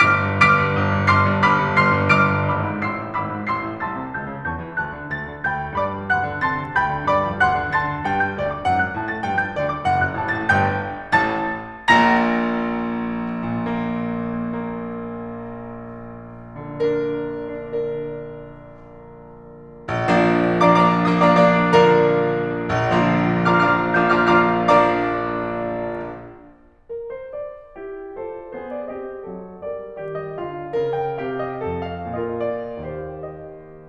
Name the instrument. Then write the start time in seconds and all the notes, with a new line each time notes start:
piano
0.00 G1 D6 F6 B6 D7
0.26 G2
0.45 G1 D6 F6 B6 D7
0.59 G2
0.75 G1
0.94 G2
1.10 G1 C6 D6 F6 C7
1.23 G2
1.40 G1 B5 D6 F6 B6
1.60 G2
1.79 G1 C6 D6 F6 C7
1.96 G2
2.12 G1 D6 F6 D7
2.31 G2
2.50 G#1 B5 D6 E6 B6
2.67 G#2
2.81 A1 C6 E6 C7
2.98 A2
3.17 G#1 B5 D6 E6 B6
3.31 G#2
3.49 A1 C6 E6 C7
3.67 A2
3.82 C2 A5 C6 E6 A6
3.97 C3
4.13 C#2 A5 E6 G6
4.31 C#3
4.42 E2 A5 C#6 G6
4.60 E3
4.76 D2 A5 C6 F#6
4.93 D3
5.10 D2 A5 C6 A6
5.26 D3
5.45 D2 G5 B5 G6
5.62 D3
5.76 G2 D5 B5 D6
5.90 G3
6.13 D2 F#5 C6 F#6
6.26 D3
6.47 D3 A5 C6 F#6 A6
6.63 D4
6.77 D2 G5 B5 G6
6.97 D3
7.09 G2 D5 B5 D6
7.27 G3
7.43 D2 F#5 C6 F#6
7.59 D3
7.73 D3 A5 C6 F#6 A6
7.92 D4
8.05 G2 G5
8.24 G3 G6
8.42 D2 D5
8.58 D3 D6
8.71 F#2 F#5
8.82 F#3 F#6
8.94 A2 A5
9.09 A3 A6
9.25 G2 G5
9.40 G3 G6
9.53 D2 D5
9.66 D3 D6
9.81 F#1 F#5
9.98 F#2 F#6
10.12 A1 A5
10.31 A2 A6
10.51 G1 G2 G5 G6
11.17 A1 A2 A5 A6
11.92 A#1 A#2 A#5 A#6
13.44 A#2
13.70 A#3
14.22 A#3
14.41 A#3
16.56 D3 A#3
16.94 D4 A#4
17.51 D4 A#4
17.81 D4 A#4
19.90 A#1
20.09 F3 A#3 D4
20.64 F3 A#3 D4 D5 F5 A#5 D6
20.79 F3 A#3 D4 D5 F5 A#5 D6
21.10 F3 A#3 D4 D5 F5 A#5 D#6
21.27 F3 A#3 D4 D5 F5 A#5 D6
21.44 F3 A#3 D4 D5 F5 A#5 D6
21.75 D3 F3 A#3 A#4 D5 F5 A#5
22.70 A#1
22.88 F3 A#3 D4 F4
23.45 F3 A#3 D4 F4 F5 A#5 D6 F6
23.61 F3 A#3 D4 F4 F5 A#5 D6 F6
23.97 F3 A#3 D4 F4 F5 A#5 D6 G6
24.14 F3 A#3 D4 F4 F5 A#5 D6 F6
24.28 F3 A#3 D4 F4 F5 A#5 D6 F6
24.68 F3 A#3 D4 D5 F5 A#5 D6
26.88 A#4
27.03 C5
27.19 D5
27.76 E4 G4
28.17 F4 A4 C5
28.55 B3 G#4 C5
28.85 D5
28.98 C4 G4 D#5
29.30 F#3 A4
29.71 G3 A#4 D5
30.00 D#3 G4 D5
30.20 D#5
30.38 D3 A4 F5
30.80 C#3 A#4
30.95 G5
31.24 C3 G4 F5
31.42 D#5
31.60 F2 A4
31.93 F5
32.30 A#2 F4 A#4 D#5
32.52 D5
32.77 D#2 G4 C5 F5
32.98 D#5